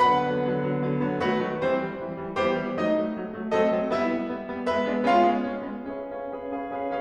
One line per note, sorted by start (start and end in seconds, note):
0.00 0.21 D3
0.00 0.21 F#3
0.00 0.21 B3
0.00 1.25 B4
0.00 1.25 F#5
0.00 1.25 B5
0.22 0.43 D3
0.22 0.43 F#3
0.22 0.43 B3
0.44 0.64 D3
0.44 0.64 F#3
0.44 0.64 B3
0.64 0.85 D3
0.64 0.85 F#3
0.64 0.85 B3
0.85 1.08 D3
0.85 1.08 F#3
0.85 1.08 B3
1.08 1.25 D3
1.08 1.25 F#3
1.08 1.25 B3
1.25 1.47 D#3
1.25 1.47 F#3
1.25 1.47 A3
1.25 1.47 F#4
1.25 1.47 B4
1.47 1.66 D#3
1.47 1.66 F#3
1.47 1.66 A3
1.68 1.89 E3
1.68 1.89 G3
1.68 1.89 C4
1.68 1.89 C5
1.90 2.08 E3
1.90 2.08 G3
2.08 2.22 E3
2.08 2.22 G3
2.22 2.37 E3
2.22 2.37 G3
2.37 2.61 E3
2.37 2.61 G3
2.37 2.61 B3
2.37 2.61 G4
2.37 2.61 C5
2.61 2.79 E3
2.61 2.79 G3
2.61 2.79 B3
2.80 2.96 F#3
2.80 2.96 A3
2.80 2.96 D#4
2.80 2.96 D#5
2.97 3.17 F#3
2.97 3.17 A3
3.17 3.33 F#3
3.17 3.33 A3
3.33 3.53 F#3
3.33 3.53 A3
3.53 3.73 F#3
3.53 3.73 A3
3.53 3.73 C4
3.53 3.73 A4
3.53 3.73 D#5
3.73 3.92 F#3
3.73 3.92 A3
3.73 3.92 C4
3.92 4.11 G3
3.92 4.11 B3
3.92 4.11 E4
3.92 4.11 E5
4.12 4.30 G3
4.12 4.30 B3
4.31 4.52 G3
4.31 4.52 B3
4.52 4.71 G3
4.52 4.71 B3
4.71 4.90 G#3
4.71 4.90 B3
4.71 4.90 B4
4.71 4.90 E5
4.90 5.14 G#3
4.90 5.14 B3
4.90 5.14 D4
5.14 5.38 G#3
5.14 5.38 B3
5.14 5.38 C#4
5.14 5.38 F4
5.14 5.38 F5
5.38 5.54 G#3
5.38 5.54 B3
5.38 5.54 C#4
5.55 5.70 G#3
5.55 5.70 B3
5.55 5.70 C#4
5.71 5.92 G#3
5.71 5.92 B3
5.71 5.92 C#4
5.92 6.11 C#4
5.92 6.11 G#4
5.92 6.11 B4
5.92 6.11 E5
6.11 6.27 C#4
6.11 6.27 G#4
6.11 6.27 B4
6.11 6.27 F5
6.27 6.44 C#4
6.27 6.44 G#4
6.27 6.44 B4
6.27 6.44 F5
6.44 6.64 C#4
6.44 6.64 G#4
6.44 6.64 B4
6.44 6.64 F5
6.65 6.83 C#4
6.65 6.83 G#4
6.65 6.83 B4
6.65 6.83 F5
6.84 7.01 C#4
6.84 7.01 G#4
6.84 7.01 B4
6.84 7.01 F5